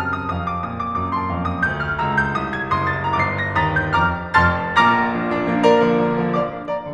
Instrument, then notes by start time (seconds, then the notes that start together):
piano
0.00 F2 A5 F6
0.41 D#6
0.57 A#2 F5 D#6
0.75 D6
0.94 F#2 A#5 D#6
1.08 D6
1.23 F2 D6
1.35 C6
1.50 D#2 F5 A5 D6
1.65 D#6
1.79 D2 F5 A#5 G6
1.94 F6
2.07 C#2 A#5 E6
2.24 G6
2.45 C2 D#6
2.58 G#6
2.71 F#1 C6 D#6
2.88 A6
3.02 G1 A#5 D6 C7
3.45 A#6
3.60 D#2 A#5 D#6 A6
3.81 G6
3.95 F2 A#5 D6 F6
4.37 F1 F2 A5 C6 F6 A6
4.84 A#1 A#2 A#5 D6 F6 A#6
5.03 F3 A#3 D4
5.14 F3 A#3 D4
5.29 F3 A#3 D4
5.47 A#4 D5 A#5
5.64 D3 F3 A#3
5.78 D3 F3 A#3
6.00 D3 F3 A#3
6.18 D5 F5 D6
6.50 F3 A#3 D4
6.65 A#4 D5 A#5
6.78 D3 A#3